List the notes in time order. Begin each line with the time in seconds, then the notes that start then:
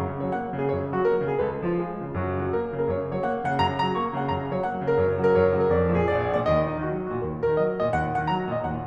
0.01 F#2 A#5
0.09 C#3
0.21 F#3 C#5
0.34 A#3 F#5
0.46 F#3
0.62 C#3 A#4
0.73 F#2 C#5
0.85 C#3
0.95 F#3 F#4
1.07 A#3 A#4
1.18 F#3
1.30 C#3 G#4
1.39 F#2 B4
1.51 C#3
1.65 F3 F4
1.75 G#3 G#4
1.85 F3
1.96 C#3 F4
2.11 F#2 F#4
2.24 C#3
2.38 F#3 F#4
2.53 A#3 A#4
2.64 F#3
2.80 C#3 A#4
2.91 F#2 C#5
3.04 C#3
3.13 F#3 C#5
3.26 A#3 F#5
3.37 F#3
3.47 C#3 F#5
3.60 F#2 A#5
3.72 C#3
3.84 F#3 A#5
3.96 A#3 C#6
4.06 F#3
4.17 C#3 F#5
4.28 F#2 A#5
4.41 C#3
4.52 F#3 C#5
4.66 A#3 F#5
4.75 F#3
4.88 C#3 A#4
4.98 F#2 C#5
5.12 C#3
5.24 F#3 A#4
5.34 F#2 C#5
5.46 C#3
5.56 F#3 A#4
5.71 F2 D5
5.84 A#2
5.97 F3 A#4
6.10 A#1 D5
6.20 F2
6.35 A#2 D5
6.50 D#2 D#5
6.62 A#2
6.73 D#3 D#4
6.87 F#3 F#4
6.99 D#3
7.11 A#2 F#4
7.21 D#2 A#4
7.31 A#2
7.42 D#3 A#4
7.56 F#3 D#5
7.67 D#3
7.79 A#2 D#5
7.91 D#2 F#5
8.05 A#2
8.17 D#3 F#5
8.32 F#3 A#5
8.44 D#3
8.54 A#2 D#5
8.66 D#2 F#5
8.74 A#2